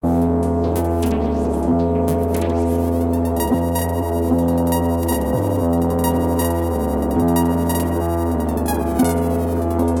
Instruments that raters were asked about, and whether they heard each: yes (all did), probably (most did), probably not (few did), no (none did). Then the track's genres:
ukulele: no
trombone: no
mandolin: no
Experimental